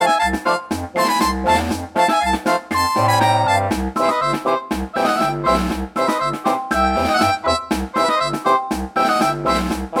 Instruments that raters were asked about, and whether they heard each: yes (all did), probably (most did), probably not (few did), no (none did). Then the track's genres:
accordion: yes
Soundtrack; Ambient Electronic; Unclassifiable